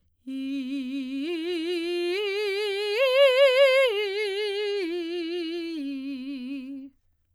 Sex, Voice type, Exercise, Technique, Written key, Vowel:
female, soprano, arpeggios, vibrato, , i